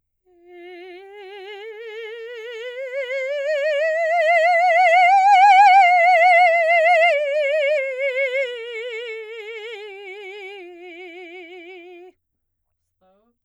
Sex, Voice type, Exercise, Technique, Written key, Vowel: female, soprano, scales, slow/legato piano, F major, e